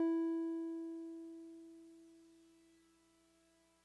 <region> pitch_keycenter=64 lokey=63 hikey=66 volume=21.231056 lovel=0 hivel=65 ampeg_attack=0.004000 ampeg_release=0.100000 sample=Electrophones/TX81Z/Piano 1/Piano 1_E3_vl1.wav